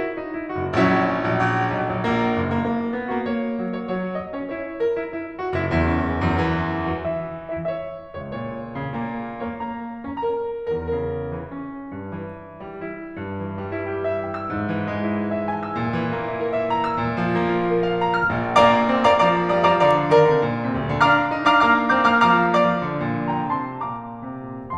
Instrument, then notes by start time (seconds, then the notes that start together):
piano
0.01 E4 C#5
0.16 D#4
0.38 E4
0.59 F#1 F#4
0.77 A#1 F#3 C#4 E4
1.32 A#1
1.53 A#1
1.82 B1
1.97 A#1 F#3
2.10 A#1 A#3
2.37 F#1
2.52 A#3
2.66 A#3
2.96 B3
3.11 A#3 F#4
3.25 A#3 C#5
3.54 F#3
3.78 C#5
3.92 C#5
4.20 D#5
4.34 C#4 C#5
4.49 E4 C#5
4.83 A#4
5.00 E4
5.10 E4
5.36 F#4
5.55 F#1 E4
5.71 E2 E4
5.86 C#4
6.18 E2 F#2
6.34 E2 E3
6.93 E3 F#4
7.09 E3 E5
7.60 E4 E5
7.73 C#5 E5
8.13 C#2 C#5
8.27 A#2 C#5
8.72 A#2 C#3
8.88 A#2
9.40 A#3 C#5
9.53 A#3 A#5
10.02 C#4 A#5
10.17 A#4 A#5
10.79 C#2 A#4
10.96 C#3 A#4
11.39 E3
11.55 C#4
11.94 G2
12.14 E3
12.67 G3
12.83 E4
13.25 G2
13.46 E3
13.60 G3
13.75 E4
13.87 G4
14.07 E5
14.23 G5
14.37 E6
14.51 G#2
14.72 E3
14.90 G#3
15.06 E4
15.19 G#4
15.35 E5
15.49 G#5
15.64 E6
15.80 A2
15.98 E3
16.13 A3
16.29 E4
16.43 A4
16.57 E5
16.73 A5
16.90 E6
17.03 A2
17.19 F3
17.37 A3
17.53 F4
17.67 A4
17.83 F5
18.02 A5
18.17 F6
18.31 A#1 A#2
18.59 A#2 A#3 D5 F5 A#5 D6
18.88 C4
19.04 A#3 D5 F5 A#5 D6
19.24 F3 D5 F5 A#5 D6
19.55 G3 D5 F5 A#5 D#6
19.70 F3 D5 F5 A#5 D6
19.84 D3 D5 F5 A#5 D6
20.13 D#3 A#4 D5 F5 A#5
20.27 D3
20.39 A#2
20.68 C3
20.84 A#2 D5 F5
20.99 D2 D3 F5 A#5 F6
21.07 D4
21.28 D#4
21.42 D4 F5 A#5 D6 F6
21.55 A#3 F5 A#5 D6 F6
21.83 D4 F5 A#5 D6 G6
22.00 A#3 F5 A#5 D6 F6
22.20 F3 F5 A#5 D6 F6
22.55 A#3 D5 F5 A#5 D6
22.70 F3
22.87 D3
23.12 A#2
23.35 D#3 G5 A#5
23.58 C3 A5 C6
23.78 A#2 D5 A#5 D6
24.22 C3
24.53 A#2